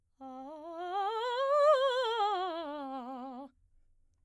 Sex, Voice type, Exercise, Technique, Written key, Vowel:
female, soprano, scales, fast/articulated piano, C major, a